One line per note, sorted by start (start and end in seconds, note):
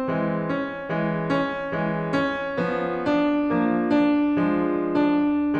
0.00 0.86 E3
0.00 0.86 G#3
0.51 1.29 C#4
0.87 1.75 E3
0.87 1.75 G#3
1.30 2.11 C#4
1.79 2.54 E3
1.79 2.54 G#3
2.12 3.04 C#4
2.55 3.39 F3
2.55 3.39 B3
3.05 3.81 D4
3.40 4.32 F3
3.40 4.32 A#3
3.82 4.76 D4
4.40 5.55 F3
4.40 5.55 G#3
4.82 5.60 D4